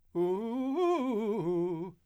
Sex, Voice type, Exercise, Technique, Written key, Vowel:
male, , arpeggios, fast/articulated forte, F major, u